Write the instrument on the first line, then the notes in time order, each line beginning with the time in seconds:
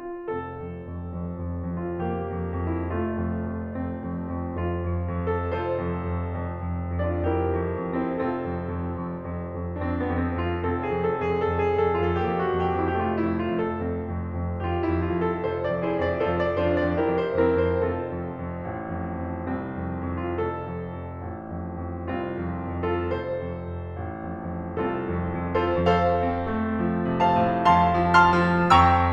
piano
0.01 F4
0.32 F1 C4 A4
0.57 F2
0.90 F2
1.28 F2
1.53 F2
1.77 F2
1.84 F4
2.04 F2 A#3 G4
2.36 F2
2.62 F2
2.69 E4
2.89 F1 A3 F4
3.13 F2
3.44 F2
3.70 F2 C4
3.98 F2
4.32 F2
4.59 F2 F4
4.93 F2
5.24 F2
5.30 A4
5.50 F1 F4 A4 C5
5.78 F2
6.07 F2
6.37 F2
6.68 F2
7.00 F2
7.06 D4 F4 D5
7.31 F2 E4 G4 A#4
7.61 F2
7.87 F2
7.94 C4 E4 C5
8.12 F1 C4 F4 A4
8.34 F2
8.63 F2
8.91 F2
9.21 F2
9.44 F2
9.78 F2 D4
9.89 C4
10.01 B3
10.09 F2
10.22 C4
10.33 F2
10.40 F4
10.61 F1 C4 A4
10.84 G#4
10.91 F2
11.01 A4
11.21 F2
11.29 G#4
11.49 F2 A4
11.70 G#4
11.77 F2
11.87 A4
12.01 F2
12.07 F4
12.27 F2 A#3 A4
12.35 G4
12.47 F#4
12.56 F2
12.70 G4
12.81 F2
12.88 E4
13.04 F1 A3 G4
13.11 F4
13.23 E4
13.29 F2
13.38 F4
13.52 F2
13.58 A4
13.75 F2 C4
14.03 F2
14.30 F2
14.55 F2 G4
14.67 F4
14.80 E4
14.87 F2
14.99 F4
15.16 F2
15.21 A4
15.45 F1 F4 A4 C5
15.64 D5
15.71 F2
15.84 E4 G#4 C5
15.97 F2
16.04 D5
16.26 F2 F4 A4 C5
16.43 D5
16.49 F2
16.62 D4 F4 C5
16.74 F2
16.81 D5
16.96 F2 E4 G4 A#4
17.17 C5
17.24 F2
17.37 C4 E4 A#4
17.62 F2
17.70 C5
17.90 F1 C4 F4 A4
18.19 F2
18.47 F2
18.72 A1
18.94 F2
19.23 F2
19.52 C2 C4
19.78 F2
20.08 F2
20.16 F4
20.33 F1 A4
20.63 F2
20.90 F2
21.22 A1
21.54 F2
21.84 F2
22.19 C2 C4 F4
22.58 F2
22.87 F2
22.94 F4 A4
23.17 F1 A4 C5
23.48 F2
23.79 F2
24.04 A1
24.33 F2
24.63 F2
24.89 C2 C4 F4 A4
25.11 F2
25.48 F2
25.55 F4 A4 C5
25.76 F2 A4 C5 F5
26.12 C4
26.41 A3
26.78 F3
27.07 C3
27.22 C5 F5 A5
27.35 A2
27.65 F2 F5 A5 C6
27.97 F3
28.16 A5 C6 F6
28.29 F3
28.73 F2 G5 A#5 C#6 E6